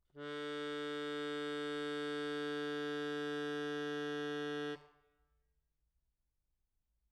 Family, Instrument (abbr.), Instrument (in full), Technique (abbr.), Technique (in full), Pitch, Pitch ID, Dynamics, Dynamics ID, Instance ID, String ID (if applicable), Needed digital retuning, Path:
Keyboards, Acc, Accordion, ord, ordinario, D3, 50, mf, 2, 2, , FALSE, Keyboards/Accordion/ordinario/Acc-ord-D3-mf-alt2-N.wav